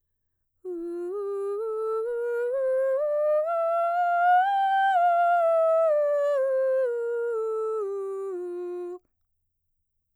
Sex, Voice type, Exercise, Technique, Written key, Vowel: female, mezzo-soprano, scales, slow/legato piano, F major, u